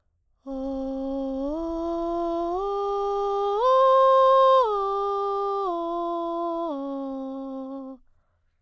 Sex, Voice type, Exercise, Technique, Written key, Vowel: female, soprano, arpeggios, breathy, , o